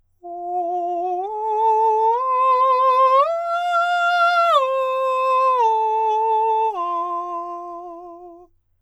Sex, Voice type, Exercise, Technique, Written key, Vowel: male, countertenor, arpeggios, slow/legato forte, F major, o